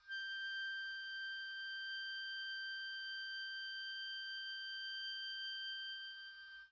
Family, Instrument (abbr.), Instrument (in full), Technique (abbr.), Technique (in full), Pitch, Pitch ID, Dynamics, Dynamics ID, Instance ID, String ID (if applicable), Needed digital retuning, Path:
Winds, Ob, Oboe, ord, ordinario, G6, 91, pp, 0, 0, , TRUE, Winds/Oboe/ordinario/Ob-ord-G6-pp-N-T19u.wav